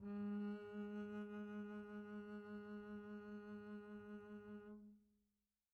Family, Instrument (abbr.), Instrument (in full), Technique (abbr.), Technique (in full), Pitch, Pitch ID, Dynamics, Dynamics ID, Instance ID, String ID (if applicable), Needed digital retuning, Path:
Strings, Cb, Contrabass, ord, ordinario, G#3, 56, pp, 0, 1, 2, FALSE, Strings/Contrabass/ordinario/Cb-ord-G#3-pp-2c-N.wav